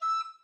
<region> pitch_keycenter=88 lokey=88 hikey=91 tune=1 volume=15.304126 offset=343 ampeg_attack=0.004000 ampeg_release=10.000000 sample=Aerophones/Edge-blown Aerophones/Baroque Alto Recorder/Staccato/AltRecorder_Stac_E5_rr1_Main.wav